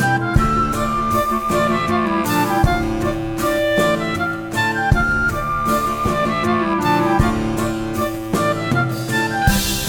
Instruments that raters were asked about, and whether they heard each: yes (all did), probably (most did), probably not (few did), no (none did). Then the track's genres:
saxophone: probably not
flute: yes
clarinet: yes
Soundtrack; Ambient Electronic; Unclassifiable